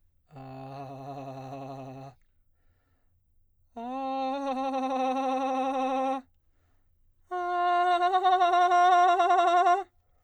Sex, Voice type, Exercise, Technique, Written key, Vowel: male, baritone, long tones, trillo (goat tone), , a